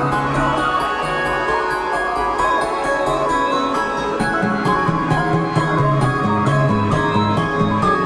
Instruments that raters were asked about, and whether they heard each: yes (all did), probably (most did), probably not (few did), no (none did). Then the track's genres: mallet percussion: probably
banjo: no
Contemporary Classical